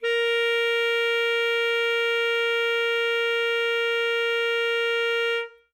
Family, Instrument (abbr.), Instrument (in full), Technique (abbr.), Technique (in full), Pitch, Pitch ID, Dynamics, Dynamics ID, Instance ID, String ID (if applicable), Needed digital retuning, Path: Winds, ASax, Alto Saxophone, ord, ordinario, A#4, 70, ff, 4, 0, , FALSE, Winds/Sax_Alto/ordinario/ASax-ord-A#4-ff-N-N.wav